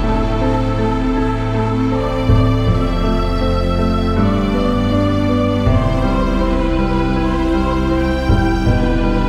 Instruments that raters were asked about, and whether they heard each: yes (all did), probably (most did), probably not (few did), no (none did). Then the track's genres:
violin: yes
Electronic; New Age; Instrumental